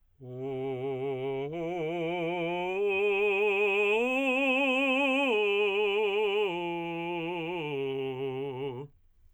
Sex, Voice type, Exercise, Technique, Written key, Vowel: male, tenor, arpeggios, vibrato, , u